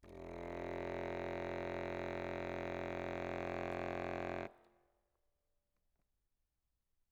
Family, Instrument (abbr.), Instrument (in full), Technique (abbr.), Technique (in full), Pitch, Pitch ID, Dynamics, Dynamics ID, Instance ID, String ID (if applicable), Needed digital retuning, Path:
Keyboards, Acc, Accordion, ord, ordinario, F1, 29, ff, 4, 0, , TRUE, Keyboards/Accordion/ordinario/Acc-ord-F1-ff-N-T30u.wav